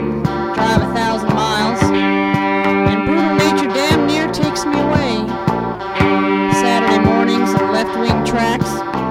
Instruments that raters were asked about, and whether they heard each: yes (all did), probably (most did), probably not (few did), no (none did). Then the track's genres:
saxophone: probably not
Lo-Fi; Experimental Pop